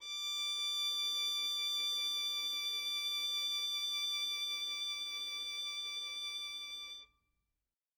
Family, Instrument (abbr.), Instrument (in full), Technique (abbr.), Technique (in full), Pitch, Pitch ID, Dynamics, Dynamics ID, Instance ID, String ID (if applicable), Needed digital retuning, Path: Strings, Vn, Violin, ord, ordinario, D6, 86, mf, 2, 0, 1, TRUE, Strings/Violin/ordinario/Vn-ord-D6-mf-1c-T12d.wav